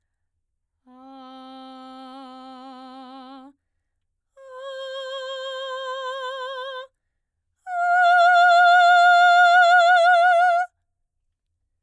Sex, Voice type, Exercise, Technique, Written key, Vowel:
female, soprano, long tones, straight tone, , a